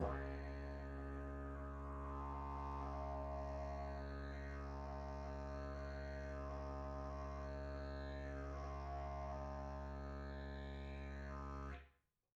<region> pitch_keycenter=68 lokey=68 hikey=68 volume=5.000000 ampeg_attack=0.004000 ampeg_release=1.000000 sample=Aerophones/Lip Aerophones/Didgeridoo/Didgeridoo1_Sus2_Main.wav